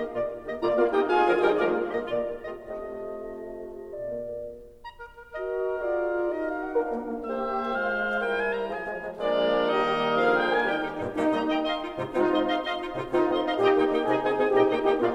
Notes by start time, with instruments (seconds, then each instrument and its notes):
0.00 bassoon D#3 A#3, clarinet G4 D#5
0.14 bassoon A#2 A#3, clarinet F4 D5
0.41 bassoon D#3 A#3, clarinet G4 D#5
0.59 bassoon A#2 A#3, horn A#3 F4, clarinet F4, oboe D5 A#5
0.79 horn A#3 F4, oboe D5 F5
0.91 horn D#4 G4, oboe D#5 G5
1.06 horn F4 G#4, oboe F5 G#5
1.24 bassoon D3 F3, clarinet A#4
1.42 bassoon D#3 G3, horn D#4 G4, clarinet A#4, oboe D#5 G5
1.61 bassoon F3 G#3, horn A#3 F4, clarinet A#4, oboe D5 F5
1.96 bassoon D#3 A#3, clarinet G4 D#5
2.15 bassoon A#3, clarinet D5
2.38 bassoon A#2, clarinet F4
2.58 bassoon A3, clarinet F4 D#5
2.79 bassoon C3, clarinet F4 D#5
3.02 bassoon A3
4.08 bassoon A#2 A#3, clarinet F4
4.83 oboe A#5
4.99 oboe A#4
5.18 oboe A#4
5.35 horn F#4, clarinet A#4 D#5, oboe A#4
5.84 horn F4, clarinet G#4 D5, oboe A#4
6.26 horn D#4, clarinet F#4 D#5, oboe A#4
6.39 clarinet F5
6.58 clarinet F#5
6.75 horn D4 A#4, clarinet F4 F5, oboe A#4
6.94 horn A#3
7.15 horn A#3
7.30 horn A#3, bassoon A#3 G4, oboe C5 D#5, clarinet C5
7.81 bassoon G#3 F4, oboe C5 F5
8.23 bassoon G3 E4, clarinet A#4, oboe G5
8.37 oboe G#5
8.53 oboe A#5
8.73 bassoon F3 F4, clarinet G#4, oboe G#5
8.89 bassoon F3 G#3
9.08 bassoon F3 G#3
9.28 bassoon F3 G#3, horn A#3, clarinet D4 D5, oboe A#4 D5
9.65 bassoon D#3 G3, horn A#3, clarinet D#4 D#5, oboe A#4 D#5
10.12 bassoon D3 F3, horn A#3, clarinet G#4 F5, oboe A#4 F5
10.27 clarinet G5, oboe G5
10.45 horn A#3, clarinet G#5, oboe G#5
10.66 bassoon D#3 G3, horn D#4, clarinet G4 G5, oboe A#4 G5
10.77 clarinet D#4 G4
10.95 bassoon G2 A#2, clarinet D#4 G4
11.12 bassoon G3 A#3, clarinet D#4 G4, horn D#4
11.33 bassoon G3 A#3, oboe D#5
11.47 clarinet D#5 G5, oboe D#5
11.66 clarinet D#5 F5, oboe D#5
11.80 clarinet D#4 F4
11.98 bassoon G#2 C3, clarinet D#4 F4
12.14 bassoon G#3 C4, horn D#4 F4, clarinet F4
12.33 bassoon G#3 C4, oboe D#5
12.50 clarinet D#5 F5, oboe D#5 C6
12.61 oboe D#5 C6, clarinet F5
12.78 clarinet D#4 F4
12.96 bassoon G#2 C3, clarinet D#4 F4
13.12 bassoon G#3 C4, clarinet D#4 F4, horn D#4 F4
13.29 bassoon G#3 C4, oboe D#5
13.43 clarinet D#5 F5, oboe D#5 C6
13.58 bassoon A#2, horn D#4 G4, clarinet D#5 G5, oboe D#5 A#5
13.76 bassoon A#3, clarinet D#4 G4, oboe D#5 G5
13.89 bassoon A#3, clarinet D#4 G4, oboe D#5 G5
13.99 bassoon C3, horn D#4 G#4, clarinet D#5 G#5
14.16 bassoon C4, clarinet D#4 G#4, oboe D#5 G#5
14.29 bassoon C4, clarinet D#4 G#4, oboe D#5 G#5
14.47 bassoon A#2, horn D#4 G4, clarinet D#5 G5
14.63 bassoon A#3, clarinet D#4 G4, oboe D#5 G5
14.83 bassoon A#3, clarinet D#4 G4, horn D#4 G4, oboe D#5 G5
14.98 bassoon A#2, horn A#3 F4, clarinet D5 F5